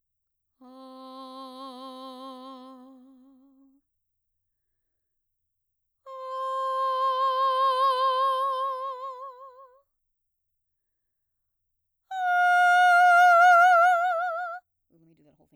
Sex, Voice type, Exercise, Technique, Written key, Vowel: female, mezzo-soprano, long tones, messa di voce, , a